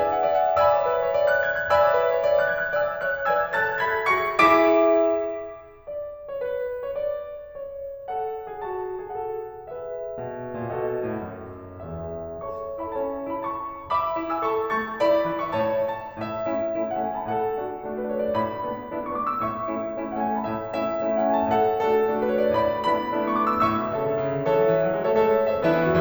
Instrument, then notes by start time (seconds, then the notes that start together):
piano
0.00 D5 E5 G#5
0.12 F#5
0.22 D5 E5
0.39 F#5
0.59 D5 E5 G#5 B5 E6
0.79 C#5
0.93 B4
1.03 C#5
1.17 D5
1.31 F#6
1.47 G#6
1.59 F#6
1.71 D5 E5 G#5 B5 E6
1.90 C#5
2.01 B4
2.18 C#5
2.31 D5
2.44 F#6
2.57 G#6
2.68 F#6
2.81 D5 E5 G#5 B5 E6
3.05 C#5 E5 F#6
3.30 B4 D5 E5 G#5 E6 G#6
3.55 A4 C#5 E5 A5 F#6 A6
3.81 G#4 B4 E5 B5 G#6 B6
4.08 F#4 A4 E5 C#6 A6 C#7
4.39 E4 G#4 E5 D6 B6 D7
5.84 D5
6.29 C#5
6.41 B4
6.83 C#5
7.00 D5
7.49 C#5
8.12 A4 F#5
8.50 G#4
8.65 F#4 A5
9.09 G#4
9.20 A4 C#5 F#5
9.69 G#4 B4 E5
10.16 B2
10.58 A#2
10.70 B2 F#4 A4 D#5
11.06 A2
11.27 F#2
11.82 E2 G#4 E5
12.49 A4 C#5 A5 C#6
12.86 E4 B4 E5 B5
12.98 C#4 A4 C#5 A5
13.31 E4 B4 E5 B5
13.41 A4 C#5 A5 C#6
13.92 E5 B5 D6
14.16 E4
14.32 G#5 E6
14.47 A4 A5 C#6
14.70 A3 C#6 A6
14.98 E4 D5 B5
15.30 E3
15.42 E5 C#6
15.55 A2 C#5 A5
15.94 A5
16.25 A2 E5
16.53 A3 C#4 E4
16.79 A3 C#4 E4
16.90 F#5
17.06 A3 C#4 E4 G#5
17.18 A5
17.28 A2 A4 F#5
17.59 A3 D4 F#4
17.79 A3 D4 F#4
17.89 B4
18.09 A3 D4 F#4 C#5
18.19 D5
18.34 A2 B5
18.67 A3 B3 D4 E4
18.91 A3 B3 D4 E4
19.03 C#6
19.14 A3 B3 D4 E4 D6
19.27 E6
19.45 A2 E5 C#6
19.76 A3 C#4 E4
20.00 A3 C#4 E4
20.11 F#5
20.22 A3 C#4 E4 G#5
20.33 A5
20.46 A2 E5
20.70 A3 C#4 E4 E5
21.04 A3 C#4 E4
21.18 F#5
21.28 A3 C#4 E4 G#5
21.41 A5
21.54 A2 A4 F#5
21.77 A3 D4 F#4 A4
22.00 A3 D4 F#4
22.18 B4
22.33 A3 D4 F#4 C#5
22.44 D5
22.55 A2 D5 B5
22.87 A3 B3 D4 E4 B5
23.12 A3 B3 D4 E4
23.25 C#6
23.37 A3 B3 D4 E4 D6
23.48 E6
23.59 A2 E5 C#6 E6
23.80 B2
23.94 C#3 A4 C#5 E5
24.10 D3
24.23 C#3
24.37 D3
24.50 E3 A4 C#5 E5
24.62 F#3
24.73 E3
24.86 F#3
24.97 G#3
25.14 A3 A4 C#5 E5
25.25 G#3 A4 C#5 E5
25.37 A3
25.52 B3
25.63 C#4 A4 C#5 E5
25.77 E3 B3 D4 E4 G#4 B4 E5
25.89 F#4